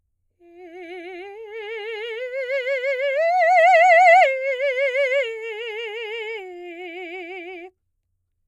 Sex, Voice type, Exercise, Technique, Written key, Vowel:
female, soprano, arpeggios, slow/legato piano, F major, e